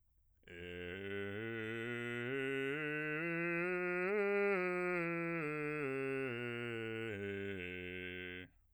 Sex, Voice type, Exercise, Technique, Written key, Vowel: male, bass, scales, slow/legato piano, F major, e